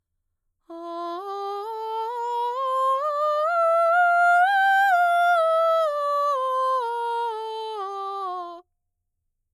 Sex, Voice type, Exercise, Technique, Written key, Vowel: female, mezzo-soprano, scales, slow/legato piano, F major, a